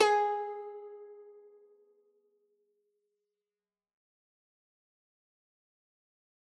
<region> pitch_keycenter=68 lokey=68 hikey=69 volume=2.211536 lovel=100 hivel=127 ampeg_attack=0.004000 ampeg_release=0.300000 sample=Chordophones/Zithers/Dan Tranh/Normal/G#3_ff_1.wav